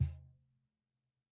<region> pitch_keycenter=61 lokey=61 hikey=61 volume=8.492182 lovel=0 hivel=65 seq_position=2 seq_length=2 ampeg_attack=0.004000 ampeg_release=30.000000 sample=Idiophones/Struck Idiophones/Cajon/Cajon_hit2_pp_rr1.wav